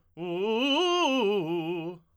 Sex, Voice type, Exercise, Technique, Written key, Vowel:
male, tenor, arpeggios, fast/articulated forte, F major, u